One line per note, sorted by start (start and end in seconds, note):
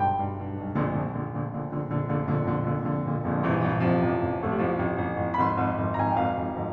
0.00 0.19 B1
0.00 0.19 G2
0.00 0.39 G5
0.19 0.39 B1
0.19 0.39 G2
0.39 0.58 B1
0.39 0.58 G2
0.58 0.75 B1
0.58 0.75 G2
0.75 0.95 A#1
0.75 0.95 F2
0.75 0.95 A#2
0.75 0.95 D3
0.96 1.14 A#1
0.96 1.14 F2
0.96 1.14 A#2
0.96 1.14 D3
1.17 1.35 A#1
1.17 1.35 F2
1.17 1.35 A#2
1.17 1.35 D3
1.36 1.53 A#1
1.36 1.53 F2
1.36 1.53 A#2
1.36 1.53 D3
1.53 1.78 A#1
1.53 1.78 F2
1.53 1.78 A#2
1.53 1.78 D3
1.78 1.99 A#1
1.78 1.99 F2
1.78 1.99 A#2
1.78 1.99 D3
1.99 2.23 A#1
1.99 2.23 F2
1.99 2.23 A#2
1.99 2.23 D3
2.23 2.38 A#1
2.23 2.38 F2
2.23 2.38 A#2
2.23 2.38 D3
2.39 2.54 A#1
2.39 2.54 F2
2.39 2.54 A#2
2.39 2.54 D3
2.55 2.75 A#1
2.55 2.75 F2
2.55 2.75 A#2
2.55 2.75 D3
2.75 2.93 A#1
2.75 2.93 F2
2.75 2.93 A#2
2.75 2.93 D3
2.93 3.09 A#1
2.93 3.09 F2
2.93 3.09 A#2
2.93 3.09 D3
3.09 3.26 A#1
3.09 3.26 F2
3.09 3.26 A#2
3.09 3.26 D3
3.26 3.41 A#1
3.26 3.41 F2
3.26 3.41 A#2
3.26 3.41 D3
3.41 3.59 A#1
3.41 3.59 G2
3.41 3.59 C3
3.41 3.59 E3
3.60 3.82 A#1
3.60 3.82 G2
3.60 3.82 C3
3.60 3.82 E3
3.83 4.04 A1
3.83 4.04 F2
3.83 4.45 C3
3.83 4.45 F3
4.04 4.26 A1
4.04 4.26 F2
4.26 4.45 A1
4.26 4.45 F2
4.45 4.63 A1
4.45 4.63 F2
4.45 4.54 A3
4.54 4.63 G3
4.63 4.86 A1
4.63 4.86 F2
4.63 4.86 F3
4.88 5.05 A1
4.88 5.05 F2
5.06 5.22 A1
5.06 5.22 F2
5.24 5.42 A1
5.24 5.42 F2
5.42 5.64 G1
5.42 5.64 F2
5.42 5.55 B5
5.55 5.91 C6
5.64 5.83 G1
5.64 5.83 F2
5.83 6.00 G1
5.83 6.00 F2
5.91 6.00 A#5
6.00 6.21 G1
6.00 6.21 F2
6.00 6.11 G#5
6.11 6.21 G5
6.22 6.42 G1
6.22 6.42 F2
6.22 6.58 F5
6.43 6.58 G1
6.43 6.58 F2
6.58 6.73 G#1
6.58 6.73 F2